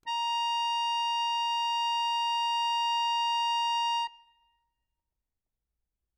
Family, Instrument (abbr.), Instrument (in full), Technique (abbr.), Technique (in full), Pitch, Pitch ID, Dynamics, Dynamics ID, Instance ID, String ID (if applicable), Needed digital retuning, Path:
Keyboards, Acc, Accordion, ord, ordinario, A#5, 82, ff, 4, 0, , FALSE, Keyboards/Accordion/ordinario/Acc-ord-A#5-ff-N-N.wav